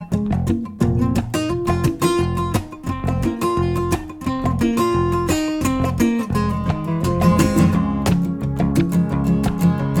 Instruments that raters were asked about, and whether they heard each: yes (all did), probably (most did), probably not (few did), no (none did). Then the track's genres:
ukulele: probably
mandolin: no
Pop; Folk; Singer-Songwriter